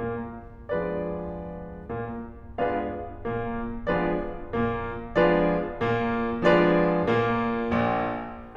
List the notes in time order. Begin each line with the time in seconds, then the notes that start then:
0.01 A#2 A#3
0.75 F3 G#3 B3 D4 F4 G#4 B4 D5
1.94 A#2 A#3
2.58 G#3 B3 D4 F4 G#4 B4 D5 F5
3.21 A#2 A#3
3.80 F3 G#3 B3 D4 F4 G#4 B4 D5
4.43 A#2 A#3
5.09 F3 G#3 B3 D4 F4 G#4 B4 D5
5.53 A#2 A#3
5.64 F3 G#3 B3 D4 F4 G#4 B4 D5
5.80 A#2 A#3
6.40 F3 G#3 B3 D4 F4 G#4 B4 D5
7.09 A#2 A#3
7.78 A#1 A#2